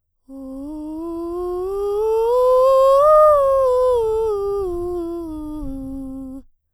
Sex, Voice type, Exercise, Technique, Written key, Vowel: female, soprano, scales, breathy, , u